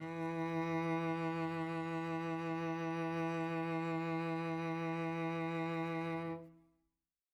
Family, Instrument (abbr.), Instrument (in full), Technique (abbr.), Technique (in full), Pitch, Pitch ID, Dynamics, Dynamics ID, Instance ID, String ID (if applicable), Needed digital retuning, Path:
Strings, Vc, Cello, ord, ordinario, E3, 52, mf, 2, 2, 3, FALSE, Strings/Violoncello/ordinario/Vc-ord-E3-mf-3c-N.wav